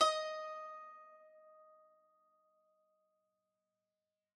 <region> pitch_keycenter=75 lokey=75 hikey=76 volume=10.655267 lovel=66 hivel=99 ampeg_attack=0.004000 ampeg_release=0.300000 sample=Chordophones/Zithers/Dan Tranh/Normal/D#4_f_1.wav